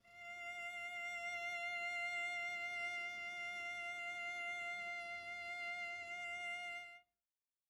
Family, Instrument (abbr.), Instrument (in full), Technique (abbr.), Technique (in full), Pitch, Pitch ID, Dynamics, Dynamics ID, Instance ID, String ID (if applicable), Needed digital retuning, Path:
Strings, Vc, Cello, ord, ordinario, F5, 77, pp, 0, 0, 1, FALSE, Strings/Violoncello/ordinario/Vc-ord-F5-pp-1c-N.wav